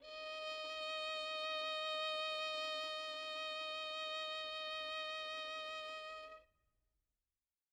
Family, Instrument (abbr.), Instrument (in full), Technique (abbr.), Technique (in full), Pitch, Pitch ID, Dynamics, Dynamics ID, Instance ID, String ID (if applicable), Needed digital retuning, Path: Strings, Vn, Violin, ord, ordinario, D#5, 75, mf, 2, 2, 3, FALSE, Strings/Violin/ordinario/Vn-ord-D#5-mf-3c-N.wav